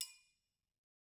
<region> pitch_keycenter=70 lokey=70 hikey=70 volume=18.561818 offset=185 lovel=84 hivel=127 seq_position=1 seq_length=2 ampeg_attack=0.004000 ampeg_release=30.000000 sample=Idiophones/Struck Idiophones/Triangles/Triangle6_HitFM_v2_rr1_Mid.wav